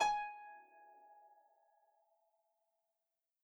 <region> pitch_keycenter=80 lokey=80 hikey=81 tune=-11 volume=11.061676 xfin_lovel=70 xfin_hivel=100 ampeg_attack=0.004000 ampeg_release=30.000000 sample=Chordophones/Composite Chordophones/Folk Harp/Harp_Normal_G#4_v3_RR1.wav